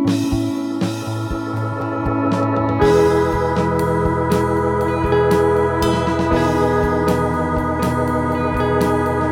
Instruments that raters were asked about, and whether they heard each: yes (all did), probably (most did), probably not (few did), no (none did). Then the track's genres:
organ: probably
Post-Rock; Ambient; New Age